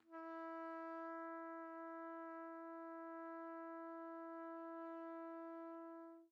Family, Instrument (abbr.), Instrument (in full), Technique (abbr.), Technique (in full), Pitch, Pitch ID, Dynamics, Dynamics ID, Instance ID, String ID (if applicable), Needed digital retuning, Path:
Brass, TpC, Trumpet in C, ord, ordinario, E4, 64, pp, 0, 0, , FALSE, Brass/Trumpet_C/ordinario/TpC-ord-E4-pp-N-N.wav